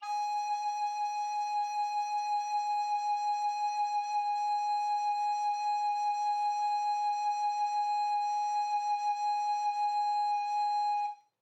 <region> pitch_keycenter=80 lokey=80 hikey=81 volume=21.858990 offset=507 ampeg_attack=0.004000 ampeg_release=0.300000 sample=Aerophones/Edge-blown Aerophones/Baroque Alto Recorder/SusVib/AltRecorder_SusVib_G#4_rr1_Main.wav